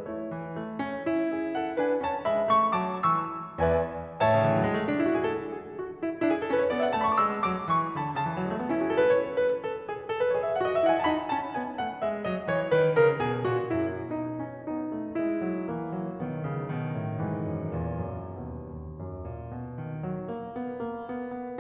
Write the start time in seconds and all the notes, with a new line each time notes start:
0.00 A3 E4 C#5
0.31 E3
0.57 A3
0.82 C#4
1.06 E4
1.24 G#4 E5
1.56 A4 F#5
1.78 D4 B4 G#5
2.00 C#4 C#5 A5
2.22 G#3 E5 B5
2.53 A3 C#6
2.75 F#3 A5 D6
3.05 E3 C#6 E6
3.62 E2 B4 D5 E5 G#5
4.19 A2 C#5 E5 A5
4.28 C#3
4.35 D3
4.42 E3
4.56 F#3
4.63 G#3
4.73 A3
4.83 C#4
4.89 D4
5.03 E4
5.10 F#4
5.17 G#4
5.25 A4
5.58 G#4
5.81 F#4
6.04 E4
6.23 D4 E4
6.35 G#4
6.42 A4
6.50 C#4 B4
6.57 C#5
6.64 D5
6.73 B3 E5
6.80 G#5
6.88 A5
6.97 A3 B5
7.07 C#6
7.13 D6
7.24 G#3 E6
7.45 F#3 D6
7.71 E3 C#6
7.96 D3 B5
8.19 C#3 A5
8.27 E3
8.42 F#3
8.48 G#3
8.53 A3
8.61 B3
8.68 C#4
8.75 E4
8.82 F#4
8.90 G#4
8.96 A4
9.03 B4
9.10 C#5
9.42 B4
9.67 A4
9.93 G#4
10.14 A4
10.19 B4
10.26 C#5
10.33 G#4 D#5
10.43 E5
10.48 F5
10.54 F#4 F#5
10.61 D#5
10.75 E5
10.84 E4 F#5
10.94 G#5
11.01 A5
11.08 D#4 B5
11.34 C#4 A5
11.58 B3 G#5
11.78 A3 F#5
12.00 G#3 E5
12.28 F#3 D#5
12.48 E3 C#5
12.72 D#3 B4
12.99 C#3 A#4
13.25 B2 G#4
13.48 A#2 F#4
13.73 F#2 E4
14.06 B2 D#4
14.29 C#4
14.69 B3 D#4
14.92 A3
15.14 G#3 E4
15.44 F#3
15.71 E3 A#3
15.92 F#3
16.13 B1 D#3 B3
16.46 C#3
16.75 B2 D#3
16.97 A2
17.28 G#2 E3
17.50 F#2
17.82 E2 A#2
18.05 F#2
18.36 D#2 B2
18.81 D#2
19.03 F#2
19.31 A#2
19.54 B2
19.81 D#3
20.02 F#3
20.28 A#3
20.57 B3
20.82 A#3
21.11 B3
21.34 B3